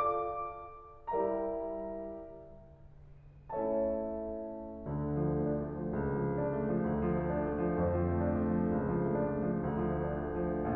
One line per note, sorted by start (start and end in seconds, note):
0.07 1.10 F4
0.07 1.10 A4
0.07 1.10 D5
0.07 1.10 F5
0.07 1.10 A5
0.07 1.10 D6
1.13 2.26 G3
1.13 2.26 D4
1.13 2.26 E4
1.13 2.26 G4
1.13 2.26 A#4
1.13 2.26 D5
1.13 2.26 E5
1.13 2.26 A#5
3.52 4.81 A3
3.52 4.81 C#4
3.52 4.81 E4
3.52 4.81 A4
3.52 4.81 C#5
3.52 4.81 E5
3.52 4.81 A5
4.82 5.91 D2
4.82 10.74 D3
5.12 5.42 F3
5.31 5.61 A3
5.43 5.76 D4
5.63 5.91 A3
5.78 6.11 F3
5.92 6.85 C#2
6.13 6.35 F3
6.23 6.48 A3
6.37 6.69 D4
6.49 6.85 A3
6.71 7.01 F3
6.86 7.86 D2
7.04 7.30 F3
7.19 7.55 A3
7.33 7.71 D4
7.56 7.86 A3
7.74 8.00 F3
7.87 8.86 F2
8.02 8.34 F3
8.16 8.46 A3
8.36 8.65 D4
8.47 8.86 A3
8.67 9.00 F3
8.87 9.83 C#2
9.02 9.30 F3
9.17 9.50 A3
9.32 9.67 D4
9.53 9.83 A3
9.69 9.98 F3
9.84 10.74 D2
10.00 10.36 F3
10.24 10.51 A3
10.37 10.60 D4
10.51 10.74 A3
10.61 10.75 F3